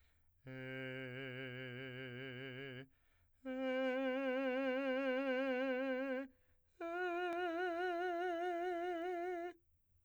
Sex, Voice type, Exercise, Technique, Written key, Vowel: male, , long tones, full voice pianissimo, , e